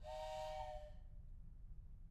<region> pitch_keycenter=61 lokey=61 hikey=61 volume=15.000000 ampeg_attack=0.004000 ampeg_release=30.000000 sample=Aerophones/Edge-blown Aerophones/Train Whistle, Toy/Main_TrainLow_Fall-001.wav